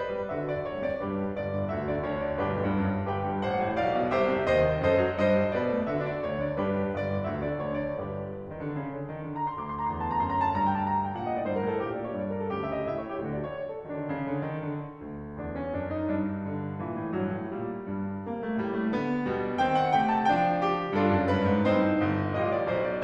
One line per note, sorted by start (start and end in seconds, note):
0.01 0.15 G2
0.01 0.31 B4
0.01 0.31 D5
0.15 0.31 G3
0.31 0.40 D3
0.31 0.91 F#4
0.31 0.91 A4
0.31 0.40 E5
0.41 0.60 D4
0.41 0.60 D5
0.60 0.77 D2
0.60 0.77 C#5
0.77 0.91 D3
0.77 0.91 D5
0.92 1.10 G2
0.92 1.34 D4
0.92 1.34 G4
0.92 1.34 B4
1.10 1.34 G3
1.34 1.50 G1
1.34 1.65 D5
1.50 1.65 G2
1.67 1.84 D2
1.67 2.35 F#4
1.67 2.35 A4
1.67 1.84 E5
1.84 1.99 D3
1.84 1.99 D5
1.99 2.19 D2
1.99 2.19 C#5
2.22 2.35 D3
2.22 2.35 D5
2.35 2.48 G1
2.35 2.71 D4
2.35 2.71 G4
2.35 2.71 B4
2.48 2.62 B1
2.62 2.71 D2
2.72 2.83 G2
2.83 2.97 F#2
2.97 3.07 G2
3.07 3.21 G1
3.07 4.15 G4
3.07 3.42 B4
3.07 3.42 G5
3.21 3.42 G2
3.42 3.59 A1
3.42 3.80 C5
3.42 3.80 F#5
3.59 3.80 A2
3.80 3.98 B1
3.80 4.15 D5
3.80 4.15 F5
3.99 4.15 B2
4.15 4.34 C2
4.15 4.84 G4
4.15 4.46 C5
4.15 4.46 E5
4.34 4.46 C3
4.48 4.68 D#2
4.48 4.84 C5
4.48 4.84 D#5
4.68 4.84 D#3
4.84 5.01 F#2
4.84 5.22 A4
4.84 5.22 C5
4.84 5.22 D#5
5.02 5.22 F#3
5.22 5.37 G2
5.22 5.51 C5
5.22 5.51 D#5
5.37 5.51 G3
5.51 5.67 B2
5.51 5.81 B4
5.51 5.81 D5
5.68 5.81 B3
5.81 5.97 D3
5.81 6.50 F#4
5.81 6.50 A4
5.81 5.97 E5
5.97 6.12 D4
5.97 6.12 D5
6.14 6.34 D2
6.14 6.34 C#5
6.34 6.50 D3
6.34 6.50 D5
6.50 6.72 G2
6.50 6.90 D4
6.50 6.90 G4
6.50 6.90 B4
6.73 6.90 G3
6.90 7.10 G1
6.90 7.32 D5
7.10 7.32 G2
7.32 7.46 D2
7.32 7.94 F#4
7.32 7.94 A4
7.32 7.46 E5
7.46 7.60 D3
7.46 7.60 D5
7.60 7.76 D2
7.60 7.76 C#5
7.76 7.94 D3
7.76 7.94 D5
7.95 8.20 G1
7.95 8.20 D4
7.95 8.20 G4
7.95 8.20 B4
8.20 8.53 G2
8.53 8.60 D#3
8.60 8.71 D3
8.72 8.88 C#3
8.89 9.07 D3
9.07 9.24 D#3
9.24 9.55 D3
9.34 9.46 A#5
9.47 9.55 C6
9.56 12.50 D2
9.56 9.65 D6
9.65 9.77 C6
9.77 9.90 A#5
9.90 10.22 E2
9.90 10.00 C6
10.01 10.11 A5
10.11 10.22 A#5
10.22 10.48 F#2
10.22 10.32 C6
10.32 10.40 A#5
10.40 10.48 A5
10.49 11.15 G2
10.49 10.58 A#5
10.58 10.69 G5
10.69 10.77 A5
10.77 10.95 A#5
10.95 11.05 A5
11.06 11.15 G5
11.15 11.30 A#2
11.15 11.26 F#5
11.26 11.35 D#5
11.30 11.44 A2
11.35 11.44 D5
11.44 11.60 G2
11.44 11.55 C5
11.56 11.66 A#4
11.62 11.78 A2
11.66 11.78 A4
11.78 12.16 A#2
11.78 11.91 G4
11.91 12.02 D5
12.02 12.16 C#5
12.17 12.50 G2
12.17 12.30 D5
12.30 12.39 A#4
12.39 12.50 A4
12.50 13.22 D2
12.50 12.90 C#3
12.50 12.64 G4
12.64 12.80 E5
12.81 12.90 D#5
12.90 13.22 A2
12.90 13.01 E5
13.01 13.10 C#5
13.10 13.22 G4
13.22 13.83 D2
13.22 13.83 D3
13.22 13.32 F#4
13.33 13.42 D5
13.42 13.52 C#5
13.52 13.65 D5
13.65 13.74 A4
13.74 13.83 F#4
13.84 13.87 D#3
13.84 14.34 D4
13.89 14.04 D3
14.05 14.34 C#3
14.34 14.47 D3
14.48 14.65 D#3
14.65 15.03 D3
15.03 15.46 D2
15.46 15.75 E2
15.46 15.61 D4
15.61 15.75 C#4
15.76 16.07 F#2
15.76 15.89 D4
15.89 16.07 D#4
16.07 16.79 G2
16.07 16.49 D4
16.49 16.79 D3
16.81 16.94 A#2
16.81 17.13 E3
16.94 17.13 A2
17.13 17.33 G2
17.13 17.54 F#3
17.33 17.54 A2
17.54 17.86 A#2
17.54 18.29 G3
17.86 18.29 G2
18.29 18.59 C3
18.29 18.43 A#3
18.43 18.59 A3
18.66 18.93 A2
18.66 18.78 G3
18.78 18.93 A3
18.93 19.26 D3
18.93 19.26 B3
19.26 19.58 B2
19.26 19.58 G3
19.58 19.99 D#3
19.58 19.99 C4
19.58 19.79 G5
19.80 19.99 F#5
19.99 20.33 D3
19.99 20.33 A3
19.99 20.18 G5
20.18 20.33 G#5
20.35 20.95 F3
20.35 20.95 D4
20.35 20.60 G5
20.60 20.95 G4
20.95 21.15 G2
20.95 21.62 D4
20.95 21.62 F4
20.95 21.30 A4
21.15 21.30 F#2
21.30 21.48 G2
21.30 21.62 B4
21.48 21.62 G#2
21.62 22.01 G2
21.62 22.30 C4
21.62 22.30 D#4
21.62 22.30 C5
22.02 22.30 G1
22.30 22.69 A1
22.30 23.03 F4
22.30 22.44 D#5
22.45 22.69 D5
22.69 23.03 B1
22.69 22.88 C5
22.88 23.03 D5